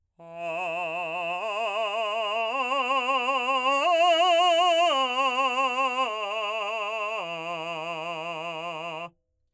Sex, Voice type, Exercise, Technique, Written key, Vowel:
male, , arpeggios, slow/legato forte, F major, a